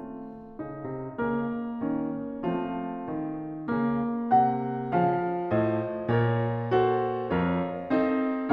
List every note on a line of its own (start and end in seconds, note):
0.00 1.20 A3
0.00 0.58 C4
0.00 2.45 F4
0.58 0.87 C#3
0.58 1.80 D#4
0.87 1.20 C3
1.20 1.80 C#3
1.20 2.45 A#3
1.20 2.45 A#4
1.80 2.45 D#3
1.80 2.45 C#4
2.45 3.09 F3
2.45 3.68 A3
2.45 3.68 C4
2.45 3.68 F4
3.09 3.68 D#3
3.68 4.42 C#3
3.68 4.95 A#3
4.42 4.95 C3
4.42 4.95 F#5
4.95 5.58 C#3
4.95 6.13 F3
4.95 5.58 F5
5.58 6.13 A2
5.58 6.13 C5
5.58 6.13 D#5
6.13 7.27 A#2
6.13 6.79 A#4
6.13 6.79 C#5
6.79 7.27 F#4
6.79 7.27 A4
6.79 7.27 C5
7.27 8.53 F2
7.27 7.93 F4
7.27 7.93 A#4
7.27 7.93 C#5
7.93 8.53 C4
7.93 8.53 D#4
7.93 8.53 A4
7.93 8.53 D#5